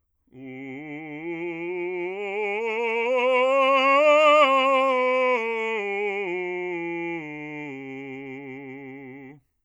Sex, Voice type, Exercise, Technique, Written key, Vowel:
male, bass, scales, vibrato, , u